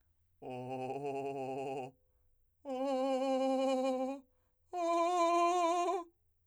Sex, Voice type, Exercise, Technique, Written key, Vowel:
male, , long tones, trillo (goat tone), , o